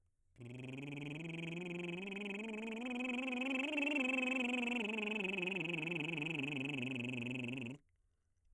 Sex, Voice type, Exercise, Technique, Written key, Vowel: male, baritone, scales, lip trill, , a